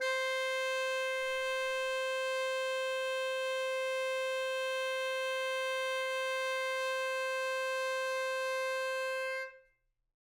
<region> pitch_keycenter=72 lokey=72 hikey=73 volume=16.900022 lovel=84 hivel=127 ampeg_attack=0.004000 ampeg_release=0.500000 sample=Aerophones/Reed Aerophones/Tenor Saxophone/Non-Vibrato/Tenor_NV_Main_C4_vl3_rr1.wav